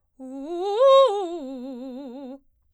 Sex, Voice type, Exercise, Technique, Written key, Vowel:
female, soprano, arpeggios, fast/articulated forte, C major, u